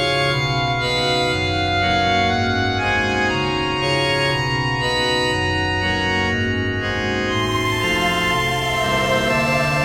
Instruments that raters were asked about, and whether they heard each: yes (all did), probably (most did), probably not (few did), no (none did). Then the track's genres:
organ: yes
Soundtrack; Ambient; Instrumental